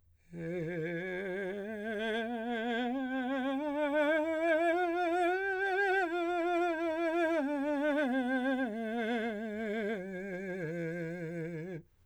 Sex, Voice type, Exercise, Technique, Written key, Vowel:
male, , scales, slow/legato piano, F major, e